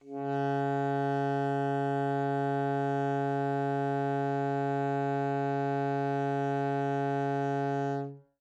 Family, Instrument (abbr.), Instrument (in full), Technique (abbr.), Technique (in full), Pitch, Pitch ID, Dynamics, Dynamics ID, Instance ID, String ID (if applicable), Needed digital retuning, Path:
Winds, ASax, Alto Saxophone, ord, ordinario, C#3, 49, mf, 2, 0, , FALSE, Winds/Sax_Alto/ordinario/ASax-ord-C#3-mf-N-N.wav